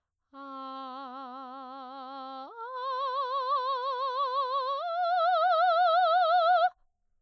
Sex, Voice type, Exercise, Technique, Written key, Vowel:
female, soprano, long tones, full voice pianissimo, , a